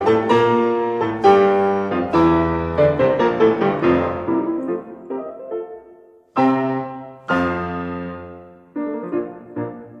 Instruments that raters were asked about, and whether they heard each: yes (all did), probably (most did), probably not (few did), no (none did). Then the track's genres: piano: yes
Classical